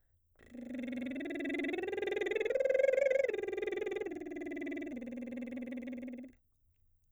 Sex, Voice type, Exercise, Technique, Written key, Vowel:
female, soprano, arpeggios, lip trill, , e